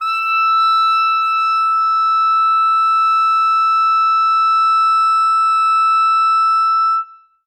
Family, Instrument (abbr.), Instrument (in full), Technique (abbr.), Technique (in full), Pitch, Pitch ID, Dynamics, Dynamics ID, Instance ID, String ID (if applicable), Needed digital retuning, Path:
Winds, ClBb, Clarinet in Bb, ord, ordinario, E6, 88, ff, 4, 0, , TRUE, Winds/Clarinet_Bb/ordinario/ClBb-ord-E6-ff-N-T10d.wav